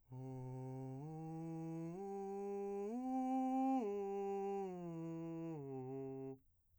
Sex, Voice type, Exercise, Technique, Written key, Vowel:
male, , arpeggios, breathy, , u